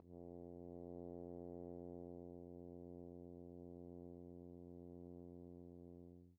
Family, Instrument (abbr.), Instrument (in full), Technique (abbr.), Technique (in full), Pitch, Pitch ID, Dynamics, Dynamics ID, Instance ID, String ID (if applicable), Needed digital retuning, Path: Brass, Hn, French Horn, ord, ordinario, F2, 41, pp, 0, 0, , FALSE, Brass/Horn/ordinario/Hn-ord-F2-pp-N-N.wav